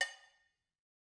<region> pitch_keycenter=61 lokey=61 hikey=61 volume=10.619632 offset=204 lovel=0 hivel=83 ampeg_attack=0.004000 ampeg_release=15.000000 sample=Idiophones/Struck Idiophones/Cowbells/Cowbell1_Muted_v2_rr1_Mid.wav